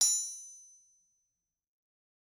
<region> pitch_keycenter=60 lokey=60 hikey=60 volume=4.720475 offset=258 lovel=100 hivel=127 ampeg_attack=0.004000 ampeg_release=15.000000 sample=Idiophones/Struck Idiophones/Anvil/Anvil_Hit1_v3_rr1_Mid.wav